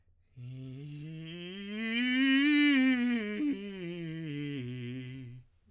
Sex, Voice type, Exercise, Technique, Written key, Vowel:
male, tenor, scales, breathy, , i